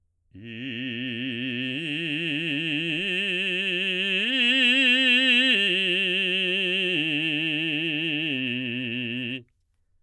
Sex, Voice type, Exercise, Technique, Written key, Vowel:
male, baritone, arpeggios, slow/legato forte, C major, i